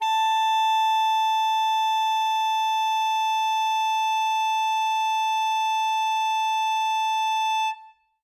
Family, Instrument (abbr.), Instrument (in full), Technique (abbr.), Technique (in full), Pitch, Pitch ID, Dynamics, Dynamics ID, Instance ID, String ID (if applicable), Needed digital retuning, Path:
Winds, ASax, Alto Saxophone, ord, ordinario, A5, 81, ff, 4, 0, , FALSE, Winds/Sax_Alto/ordinario/ASax-ord-A5-ff-N-N.wav